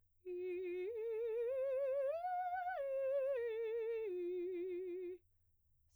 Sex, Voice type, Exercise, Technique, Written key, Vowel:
female, soprano, arpeggios, slow/legato piano, F major, i